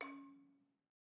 <region> pitch_keycenter=61 lokey=60 hikey=63 volume=15.656270 offset=208 lovel=66 hivel=99 ampeg_attack=0.004000 ampeg_release=30.000000 sample=Idiophones/Struck Idiophones/Balafon/Traditional Mallet/EthnicXylo_tradM_C#3_vl2_rr1_Mid.wav